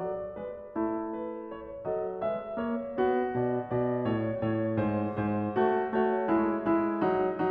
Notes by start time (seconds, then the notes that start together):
0.00 F#3 A4 D5
0.38 G#3 B4
0.72 A3 E4
1.14 B4
1.52 C#5
1.83 F#3 A4 D#5
2.23 G#3 B4 E5
2.59 A#3 C#5
2.93 B3 F#4
3.38 B2 D5
3.69 B2 D5
4.08 A2 C#5
4.40 A2 C#5
4.79 G#2 C5
5.18 G#2 C5
5.55 A3 F#4
5.91 A3 F#4 C#5
6.27 G#3 E4
6.75 G#3 E4
7.11 F#3 D#4